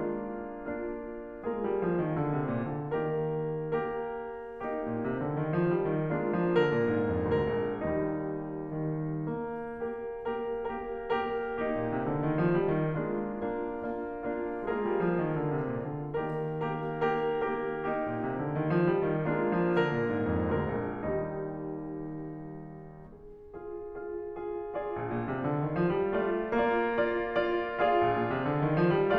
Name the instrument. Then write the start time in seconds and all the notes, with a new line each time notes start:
piano
0.00 G#3 A#3 D4 F4
0.68 A#3 D4 F4
1.40 G#3 A#3 F4 G#4 A#4
1.64 G3
1.78 F3
1.96 D#3
2.18 D3
2.33 C3
2.51 A#2
2.72 D3
2.94 D#3 A#3 G4 A#4
3.78 A#3 G4 A#4
4.60 A#3 D#4 G4
4.86 A#2
5.07 C3
5.27 D3
5.43 D#3
5.61 F3
5.79 G3
5.97 D#3
6.15 G#3 A#3 D4 F4
6.33 F3
6.52 D3 A#4
6.70 A#2
6.91 G#2
7.13 F2
7.35 D2 A#3 A#4
7.55 A#1
7.74 D#2 G3 D#4
8.75 D#3
9.31 A#3
9.78 A#3 G4 A#4
10.18 A#3 G4 A#4
10.66 A#3 G4 A#4
11.10 A#3 G4 A#4
11.54 A#3 D#4 G4
11.68 A#2
11.91 C3
12.07 D3
12.26 D#3
12.46 F3
12.67 G3
12.85 D#3
13.07 G#3 A#3 D4 F4
13.47 A#3 D4 F4
13.87 A#3 D4 F4
14.26 A#3 D4 F4
14.58 G#3 A#3 F4 G#4 A#4
14.81 G3
14.99 F3
15.21 D#3
15.41 D3
15.60 C3
15.80 A#2
15.99 D3
16.17 D#3 A#3 G4 A#4
16.60 A#3 G4 A#4
16.95 A#3 G4 A#4
17.33 A#3 G4 A#4
17.73 A#3 D#4 G4
17.94 A#2
18.16 C3
18.36 D3
18.55 D#3
18.75 F3
18.95 G3
19.14 D#3
19.35 G#3 A#3 D4 F4
19.61 F3
19.77 D3 A#4
19.99 A#2
20.15 G#2
20.35 F2
20.56 D2 A#3 A#4
20.79 A#1
21.06 D#2 G3 D#4
22.22 D#3
23.12 F4 G#4
23.56 F4 G#4
23.92 F4 G#4
24.30 F4 G#4
24.75 F4 G#4 D5
24.95 A#1
25.11 A#2
25.31 C3
25.52 D3
25.70 D#3
25.83 F3
26.03 G3
26.24 A3 F4 D5
26.64 A#3 F4 D5
27.00 F4 D5
27.43 F4 D5
27.79 F4 G#4 D5 F5
27.98 A#1
28.11 A#2
28.28 C3
28.43 D3
28.62 D#3
28.79 F3
29.00 G3